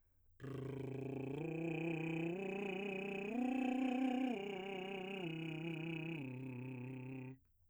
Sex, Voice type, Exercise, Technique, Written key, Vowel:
male, , arpeggios, lip trill, , o